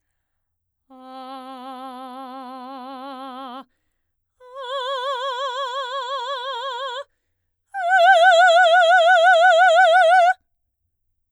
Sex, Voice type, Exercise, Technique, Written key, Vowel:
female, soprano, long tones, full voice forte, , a